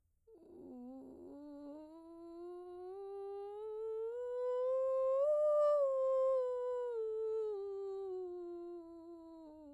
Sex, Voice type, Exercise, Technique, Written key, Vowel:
female, soprano, scales, vocal fry, , u